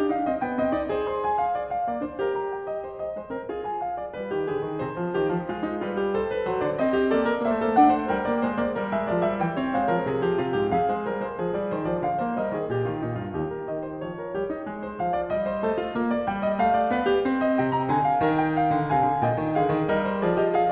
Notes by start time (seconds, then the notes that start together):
0.00 D4 D#4 G4
0.09 D4 F5
0.16 D#4
0.22 D4
0.28 C4 D#5
0.41 B3 G5
0.57 C4 D#5
0.71 D#4 D5
0.89 G#4 C5
1.06 C6
1.24 G#5
1.38 F5
1.54 D5
1.71 F5
1.88 A#3 D5
2.01 D4 C5
2.18 G4 A#4
2.35 A#5
2.53 G5
2.66 D#5
2.86 C5
3.00 D#5
3.15 G#3 C5
3.30 C4 A#4
3.45 F4 G#4
3.68 G#5
3.84 F5
3.98 D5
4.13 G3 B4
4.31 D#3 G4
4.45 D3 G#4
4.62 D#3
4.81 C3 C5
4.98 F3
5.12 D#3 G4
5.31 F3
5.47 G#3 F4
5.64 D#4
5.80 G3 F4 B4
5.98 G4
6.14 A4 C5
6.32 B4
6.46 F#3 C5
6.61 D3 D5
6.80 C4 D#5
6.97 G4
7.08 A#3 A4 D5
7.28 A#4
7.45 A#3 C5 E5
7.52 A3
7.57 A#3
7.63 A3 A#3 A4
7.70 A3 A#3 D4 F#5
7.77 A3
7.83 A#3
7.88 A3 C5
7.95 A#3
8.02 G3 A3 A#4
8.07 G5
8.25 A#3 D5
8.42 G#3 C5
8.56 A#3 D5
8.72 G3 A#4
8.88 G#3 E5
9.06 F3 D5
9.23 G3 E5
9.40 E3 G5
9.58 C4 C#5
9.74 G#3 C5 F5
9.93 F3 A#4
10.04 C3 G#4
10.21 F3 G4
10.33 C3 F4
10.52 G#2 G4
10.72 F2 G#4 F5
10.91 G#3 C5
11.05 G3 A#4
11.22 G#3 C5
11.35 F3 G#4
11.55 G3 D5
11.73 D#3 C5
11.84 F3 D5
12.00 D3 F5
12.20 A#3 C5
12.40 G3 A#4 D#5
12.56 D#3 G#4
12.70 A#2 G4
12.90 D#3 F4
13.07 A#2 D#4
13.18 G2 F4
13.36 D#2 G4
13.51 A#4
13.68 D#3 D#5
13.85 C5
13.99 F3 C#5
14.18 A#4
14.34 G3 G4
14.51 D#4
14.65 G#3
14.86 C5
15.05 F3 F5
15.23 D5
15.31 G3 D#5
15.48 C5
15.62 A3 A4
15.79 F4
15.89 A#3
16.10 D5
16.27 G3 G5
16.49 D#5
16.59 A3 F5
16.76 D5
16.92 B3 B4
17.09 G4
17.28 C4
17.43 D#5
17.57 C3 G5
17.76 A#5
17.89 D3 G#5
18.05 F5
18.20 D#3 C#5
18.37 G5
18.54 F5
18.69 D3
18.88 C3 F5 G#5
19.02 D3
19.19 A#2 D#5 G5
19.38 D#3
19.56 D3 G#4 F5
19.71 D#3
19.86 G3 A#4 D#5
20.05 C5
20.20 F3 G#4 D5
20.36 G4 D#5
20.51 G#4 F5